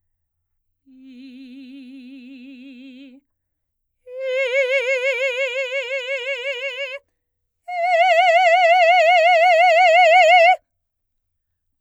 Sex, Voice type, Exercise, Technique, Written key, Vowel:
female, soprano, long tones, full voice forte, , i